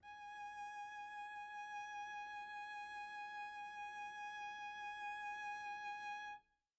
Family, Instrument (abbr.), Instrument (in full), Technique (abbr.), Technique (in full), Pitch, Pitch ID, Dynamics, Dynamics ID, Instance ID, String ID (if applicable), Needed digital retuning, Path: Strings, Vc, Cello, ord, ordinario, G#5, 80, pp, 0, 0, 1, FALSE, Strings/Violoncello/ordinario/Vc-ord-G#5-pp-1c-N.wav